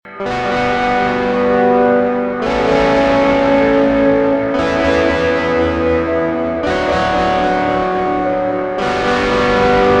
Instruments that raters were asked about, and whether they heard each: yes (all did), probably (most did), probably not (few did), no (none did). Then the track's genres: trombone: no
trumpet: no
accordion: no
bass: no
Rock; Noise; Experimental